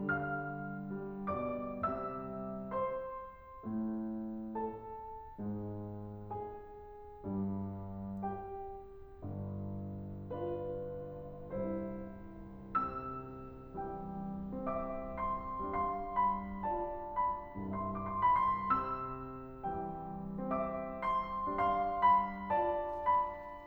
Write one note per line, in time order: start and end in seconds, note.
0.01 1.36 D3
0.01 0.88 G3
0.01 1.36 F5
0.01 1.36 F6
0.89 1.82 G3
1.38 1.82 B2
1.38 1.82 D5
1.38 1.82 D6
1.84 2.72 C3
1.84 2.72 G3
1.84 2.72 E5
1.84 2.72 E6
2.75 3.67 C5
2.75 3.67 C6
3.69 4.56 A2
3.69 4.56 A3
4.57 5.33 A4
4.57 5.33 A5
5.35 6.31 G#2
5.35 6.31 G#3
6.32 7.24 G#4
6.32 7.24 G#5
7.25 8.21 G2
7.25 8.21 G3
8.28 9.22 G4
8.28 9.22 G5
9.24 10.32 G1
9.24 10.32 G2
10.33 11.59 D4
10.33 11.59 F4
10.33 11.59 B4
11.62 12.74 C2
11.62 12.74 G2
11.62 12.74 E4
11.62 12.74 C5
12.75 15.61 C3
12.75 14.63 E6
13.81 14.63 E3
13.81 14.63 G3
13.81 14.63 G5
14.65 15.61 C4
14.65 15.61 E5
14.65 15.16 D6
15.17 15.61 C6
15.75 17.55 G3
15.75 16.63 D4
15.75 16.63 F5
15.75 16.11 C6
16.21 16.63 B5
16.64 17.55 F4
16.64 17.55 D5
16.64 17.19 A5
17.20 17.55 B5
17.56 18.77 C2
17.56 18.77 G2
17.56 17.89 C6
17.90 18.16 D6
18.08 18.29 C6
18.22 18.77 B5
18.30 18.84 C6
18.78 21.52 C3
18.78 20.47 E6
19.70 20.47 E3
19.70 20.47 G3
19.70 20.47 G5
20.49 21.52 C4
20.49 21.52 E5
20.49 21.00 D6
21.01 21.52 C6
21.55 23.66 G3
21.55 22.56 D4
21.55 22.56 F5
21.55 22.06 C6
22.08 22.56 B5
22.58 23.66 F4
22.58 23.66 D5
22.58 23.06 A5
23.07 23.66 B5